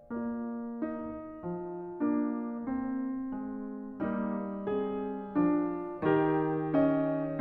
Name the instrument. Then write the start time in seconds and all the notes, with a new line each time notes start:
piano
0.00 A#3 F4 D5
0.80 D#4
1.43 F3
1.97 A#3 D4
2.68 C4
3.33 G#3
3.97 G3 A#3 D#4
4.62 C4 G#4
5.38 F3 D4
5.99 D#3 D#4 G4 A#4
6.66 C#4 D#5
7.40 F4